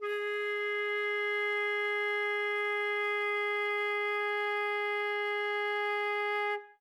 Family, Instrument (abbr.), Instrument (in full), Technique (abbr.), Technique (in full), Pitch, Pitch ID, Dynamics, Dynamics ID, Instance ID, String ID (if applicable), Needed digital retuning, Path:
Winds, Fl, Flute, ord, ordinario, G#4, 68, ff, 4, 0, , FALSE, Winds/Flute/ordinario/Fl-ord-G#4-ff-N-N.wav